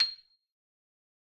<region> pitch_keycenter=96 lokey=94 hikey=97 volume=6.295984 lovel=84 hivel=127 ampeg_attack=0.004000 ampeg_release=15.000000 sample=Idiophones/Struck Idiophones/Xylophone/Soft Mallets/Xylo_Soft_C7_ff_01_far.wav